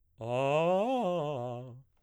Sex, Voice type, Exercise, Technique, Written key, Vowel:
male, baritone, arpeggios, fast/articulated piano, C major, a